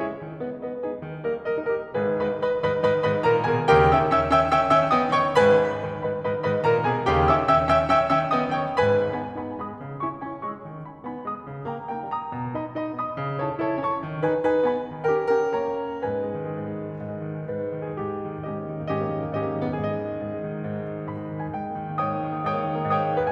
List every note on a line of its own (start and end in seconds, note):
0.02 0.18 C#4
0.02 0.18 E4
0.02 0.18 G#4
0.02 0.18 C#5
0.18 0.39 D#3
0.39 0.57 G#3
0.39 0.57 B3
0.39 0.57 B4
0.39 0.57 D#5
0.60 0.82 G#3
0.60 0.82 B3
0.60 0.82 B4
0.60 0.82 D#5
0.82 1.05 B3
0.82 1.05 D#4
0.82 1.05 G#4
0.82 1.05 B4
1.05 1.21 D#3
1.22 1.45 G3
1.22 1.45 A#3
1.22 1.45 A#4
1.22 1.45 D#5
1.45 1.68 G3
1.45 1.68 A#3
1.45 1.68 A#4
1.45 1.68 D#5
1.68 1.95 A#3
1.68 1.95 D#4
1.68 1.95 G4
1.68 1.95 A#4
1.97 2.21 G#1
1.97 2.21 G#2
1.97 2.21 G#4
1.97 2.21 B4
2.21 2.44 G#2
2.21 2.44 D#3
2.21 2.44 B4
2.21 2.44 D#5
2.21 2.44 B5
2.44 2.60 G#2
2.44 2.60 D#3
2.44 2.60 B4
2.44 2.60 D#5
2.44 2.60 B5
2.62 2.82 G#2
2.62 2.82 D#3
2.62 2.82 B4
2.62 2.82 D#5
2.62 2.82 B5
2.82 3.06 G#2
2.82 3.06 D#3
2.82 3.06 B4
2.82 3.06 D#5
2.82 3.06 B5
3.06 3.22 G#2
3.06 3.22 D#3
3.06 3.22 B4
3.06 3.22 D#5
3.06 3.22 B5
3.23 3.45 A#2
3.23 3.45 D#3
3.23 3.45 A#4
3.23 3.45 C#5
3.23 3.45 A#5
3.45 3.65 B2
3.45 3.65 D#3
3.45 3.65 G#4
3.45 3.65 B4
3.45 3.65 G#5
3.65 3.90 D#2
3.65 3.90 C#3
3.65 3.90 D#3
3.65 3.90 G4
3.65 3.90 A#4
3.65 3.90 G5
3.90 4.15 D#3
3.90 4.15 C#4
3.90 4.15 E5
3.90 4.15 G5
3.90 4.15 E6
4.15 4.32 D#3
4.15 4.32 C#4
4.15 4.32 E5
4.15 4.32 G5
4.15 4.32 E6
4.32 4.52 D#3
4.32 4.52 C#4
4.32 4.52 E5
4.32 4.52 G5
4.32 4.52 E6
4.52 4.71 D#3
4.52 4.71 C#4
4.52 4.71 E5
4.52 4.71 G5
4.52 4.71 E6
4.72 4.93 D#3
4.72 4.93 C#4
4.72 4.93 E5
4.72 4.93 G5
4.72 4.93 E6
4.93 5.12 D#3
4.93 5.12 B3
4.93 5.12 D#5
4.93 5.12 G5
4.93 5.12 D#6
5.12 5.34 D#3
5.12 5.34 A#3
5.12 5.34 C#5
5.12 5.34 G5
5.12 5.34 C#6
5.36 5.60 G#1
5.36 5.60 G#2
5.36 5.60 B4
5.36 5.60 G#5
5.36 5.60 B5
5.60 5.84 G#2
5.60 5.84 D#3
5.60 5.84 B4
5.60 5.84 D#5
5.60 5.84 B5
5.84 6.03 G#2
5.84 6.03 D#3
5.84 6.03 B4
5.84 6.03 D#5
5.84 6.03 B5
6.04 6.25 G#2
6.04 6.25 D#3
6.04 6.25 B4
6.04 6.25 D#5
6.04 6.25 B5
6.25 6.48 G#2
6.25 6.48 D#3
6.25 6.48 B4
6.25 6.48 D#5
6.25 6.48 B5
6.48 6.67 G#2
6.48 6.67 D#3
6.48 6.67 B4
6.48 6.67 D#5
6.48 6.67 B5
6.67 6.84 A#2
6.67 6.84 D#3
6.67 6.84 A#4
6.67 6.84 C#5
6.67 6.84 A#5
6.84 7.04 B2
6.84 7.04 D#3
6.84 7.04 G#4
6.84 7.04 B4
6.84 7.04 G#5
7.04 7.24 D#2
7.04 7.24 C#3
7.04 7.24 D#3
7.04 7.24 G4
7.04 7.24 A#4
7.04 7.24 G5
7.25 7.41 D#3
7.25 7.41 C#4
7.25 7.41 E5
7.25 7.41 G5
7.25 7.41 E6
7.42 7.61 D#3
7.42 7.61 C#4
7.42 7.61 E5
7.42 7.61 G5
7.42 7.61 E6
7.61 7.81 D#3
7.61 7.81 C#4
7.61 7.81 E5
7.61 7.81 G5
7.61 7.81 E6
7.81 8.06 D#3
7.81 8.06 C#4
7.81 8.06 E5
7.81 8.06 G5
7.81 8.06 E6
8.07 8.29 D#3
8.07 8.29 C#4
8.07 8.29 E5
8.07 8.29 G5
8.07 8.29 E6
8.29 8.53 D#3
8.29 8.53 B3
8.29 8.53 D#5
8.29 8.53 G5
8.29 8.53 D#6
8.53 8.76 D#3
8.53 8.76 A#3
8.53 8.76 C#5
8.53 8.76 G5
8.53 8.76 C#6
8.77 8.98 G#2
8.77 8.98 G#3
8.77 8.98 B4
8.77 8.98 G#5
8.77 8.98 B5
8.98 9.31 B3
8.98 9.31 D#4
8.98 9.31 G#5
8.98 9.31 B5
9.31 9.51 B3
9.31 9.51 D#4
9.31 9.51 G#5
9.31 9.51 B5
9.52 9.78 G#3
9.52 9.78 B3
9.52 9.78 B5
9.52 9.78 D#6
9.78 10.01 C#3
10.01 10.22 C#4
10.01 10.22 E4
10.01 10.22 G#5
10.01 10.22 C#6
10.23 10.41 C#4
10.23 10.41 E4
10.23 10.41 G#5
10.23 10.41 C#6
10.41 10.65 G#3
10.41 10.65 C#4
10.41 10.65 C#6
10.41 10.65 E6
10.65 10.88 D#3
10.89 11.08 B3
10.89 11.08 D#4
10.89 11.08 G#5
10.89 11.08 B5
11.08 11.25 B3
11.08 11.25 D#4
11.08 11.25 G#5
11.08 11.25 B5
11.27 11.45 G#3
11.27 11.45 B3
11.27 11.45 B5
11.27 11.45 D#6
11.45 11.65 C#3
11.66 11.89 A#3
11.66 11.89 D#4
11.66 11.89 G5
11.66 11.89 A#5
11.89 12.11 A#3
11.89 12.11 D#4
11.89 12.11 G5
11.89 12.11 A#5
12.11 12.30 G3
12.11 12.30 A#3
12.11 12.30 A#5
12.11 12.30 D#6
12.30 12.53 B2
12.53 12.72 D#4
12.53 12.72 G#4
12.53 12.72 D#5
12.53 12.72 B5
12.72 12.91 D#4
12.72 12.91 G#4
12.72 12.91 D#5
12.72 12.91 B5
12.93 13.13 B3
12.93 13.13 D#4
12.93 13.13 G#5
12.93 13.13 D#6
13.13 13.44 C#3
13.45 13.62 E4
13.45 13.62 A4
13.45 13.62 C#5
13.45 13.62 A5
13.62 13.84 E4
13.62 13.84 A4
13.62 13.84 C#5
13.62 13.84 A5
13.87 14.04 C#4
13.87 14.04 E4
13.87 14.04 E5
13.87 14.04 C#6
14.04 14.23 D#3
14.23 14.46 D#4
14.23 14.46 G#4
14.23 14.46 B4
14.23 14.46 G#5
14.48 14.66 D#4
14.48 14.66 G#4
14.48 14.66 B4
14.48 14.66 G#5
14.66 14.90 B3
14.66 14.90 D#4
14.66 14.90 D#5
14.66 14.90 B5
14.91 15.14 D#3
15.14 15.43 C#4
15.14 15.43 G4
15.14 15.43 A#4
15.14 15.43 G5
15.43 15.67 C#4
15.43 15.67 G4
15.43 15.67 A#4
15.43 15.67 G5
15.69 15.94 A#3
15.69 15.94 C#4
15.69 15.94 C#5
15.69 15.94 A#5
15.94 16.20 G#2
15.94 16.42 B4
15.94 16.42 G#5
16.08 16.32 G#3
16.20 16.42 D#3
16.32 16.51 G#3
16.42 16.62 G#2
16.51 16.76 G#3
16.62 16.87 D#3
16.76 16.98 G#3
16.87 17.15 G#2
16.98 17.28 G#3
17.16 17.40 D#3
17.29 17.53 G#3
17.41 17.72 G#2
17.41 17.96 B4
17.56 17.84 G#3
17.73 17.96 D#3
17.84 18.13 G#3
17.84 18.13 G#4
17.96 18.22 G#2
17.96 18.45 G4
18.13 18.36 A#3
18.22 18.45 D#3
18.36 18.59 A#3
18.45 18.72 G#2
18.45 18.88 C#4
18.45 18.88 G4
18.45 18.88 D#5
18.59 18.81 A#3
18.72 18.88 D#3
18.81 18.95 A#3
18.89 19.04 G#2
18.89 19.24 C#4
18.89 19.24 G4
18.89 19.24 D#5
18.96 19.13 A#3
19.06 19.24 D#3
19.14 19.36 A#3
19.24 19.45 G#2
19.24 19.64 C#4
19.24 19.64 G4
19.24 19.64 D#5
19.36 19.54 A#3
19.45 19.64 D#3
19.54 19.75 A#3
19.64 19.87 G#2
19.64 20.10 B3
19.64 20.10 G#4
19.73 20.00 G#3
19.73 21.12 D#5
19.87 20.10 D#3
20.00 20.31 G#3
20.10 20.45 G#2
20.32 20.54 G#3
20.46 20.62 D#3
20.55 20.77 G#3
20.63 20.88 G#2
20.77 21.01 G#3
20.88 21.12 D#3
21.01 21.26 G#3
21.12 21.35 G#2
21.12 21.54 B5
21.26 21.45 G#3
21.35 21.54 D#3
21.45 21.64 G#3
21.45 21.64 G#5
21.54 21.80 G#2
21.54 21.99 G5
21.64 21.90 A#3
21.81 21.99 D#3
21.91 22.11 A#3
22.00 22.23 G#2
22.00 22.45 C#5
22.00 22.45 G5
22.00 22.45 D#6
22.12 22.33 A#3
22.24 22.45 D#3
22.33 22.55 A#3
22.45 22.65 G#2
22.45 22.88 C#5
22.45 22.88 G5
22.45 22.88 D#6
22.55 22.75 A#3
22.65 22.88 D#3
22.75 22.97 A#3
22.88 23.08 G#2
22.88 23.30 C#5
22.88 23.30 G5
22.88 23.30 D#6
22.97 23.21 A#3
23.08 23.30 D#3
23.21 23.32 A#3